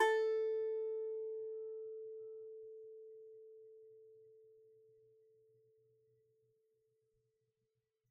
<region> pitch_keycenter=69 lokey=69 hikey=70 volume=3.714887 lovel=66 hivel=99 ampeg_attack=0.004000 ampeg_release=15.000000 sample=Chordophones/Composite Chordophones/Strumstick/Finger/Strumstick_Finger_Str3_Main_A3_vl2_rr1.wav